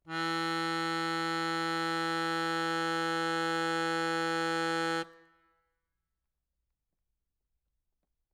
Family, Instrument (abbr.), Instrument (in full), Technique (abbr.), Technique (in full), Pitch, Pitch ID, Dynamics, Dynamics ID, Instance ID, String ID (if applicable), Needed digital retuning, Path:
Keyboards, Acc, Accordion, ord, ordinario, E3, 52, ff, 4, 2, , FALSE, Keyboards/Accordion/ordinario/Acc-ord-E3-ff-alt2-N.wav